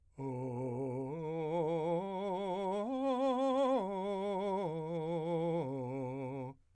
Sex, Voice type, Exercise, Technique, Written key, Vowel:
male, , arpeggios, slow/legato piano, C major, o